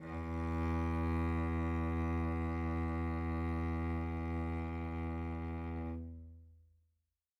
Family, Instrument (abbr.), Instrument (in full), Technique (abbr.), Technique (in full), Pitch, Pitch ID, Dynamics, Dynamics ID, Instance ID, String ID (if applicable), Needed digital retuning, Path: Strings, Vc, Cello, ord, ordinario, E2, 40, mf, 2, 3, 4, FALSE, Strings/Violoncello/ordinario/Vc-ord-E2-mf-4c-N.wav